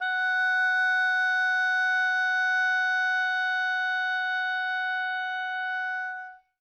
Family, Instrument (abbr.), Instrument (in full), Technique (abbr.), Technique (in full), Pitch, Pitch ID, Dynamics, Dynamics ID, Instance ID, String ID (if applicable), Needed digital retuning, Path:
Winds, Ob, Oboe, ord, ordinario, F#5, 78, mf, 2, 0, , FALSE, Winds/Oboe/ordinario/Ob-ord-F#5-mf-N-N.wav